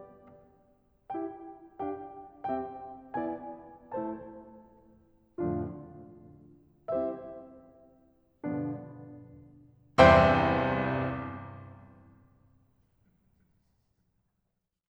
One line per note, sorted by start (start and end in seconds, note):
1.14 1.46 E4
1.14 1.46 G4
1.14 1.46 G5
1.77 2.15 D4
1.77 2.15 G4
1.77 2.15 F5
1.77 2.15 G5
2.50 2.82 C4
2.50 2.82 G4
2.50 2.82 E5
2.50 2.82 G5
3.18 3.54 B3
3.18 3.54 E4
3.18 3.54 D5
3.18 3.54 G#5
3.95 4.35 A3
3.95 4.35 E4
3.95 4.35 C5
3.95 4.35 A5
5.38 5.75 F2
5.38 5.75 A2
5.38 5.75 D3
5.38 5.75 F3
5.38 5.75 A3
5.38 5.75 D4
5.38 5.75 F4
6.91 7.29 G3
6.91 7.29 C4
6.91 7.29 E4
6.91 7.29 G4
6.91 7.29 C5
6.91 7.29 E5
8.46 8.84 G2
8.46 8.84 B2
8.46 8.84 D3
8.46 8.84 F3
8.46 8.84 B3
8.46 8.84 D4
9.97 12.43 C2
9.97 12.43 E2
9.97 12.43 G2
9.97 12.43 C3
9.97 12.43 C5
9.97 12.43 E5
9.97 12.43 G5
9.97 12.43 C6